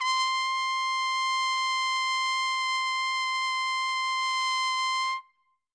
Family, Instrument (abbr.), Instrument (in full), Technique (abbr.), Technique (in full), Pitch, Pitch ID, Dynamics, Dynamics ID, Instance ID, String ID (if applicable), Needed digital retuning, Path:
Brass, TpC, Trumpet in C, ord, ordinario, C6, 84, ff, 4, 0, , TRUE, Brass/Trumpet_C/ordinario/TpC-ord-C6-ff-N-T17u.wav